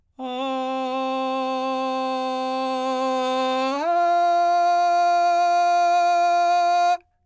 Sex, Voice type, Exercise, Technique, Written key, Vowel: male, , long tones, straight tone, , a